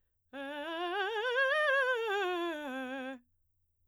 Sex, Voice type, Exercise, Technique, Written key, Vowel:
female, soprano, scales, fast/articulated forte, C major, e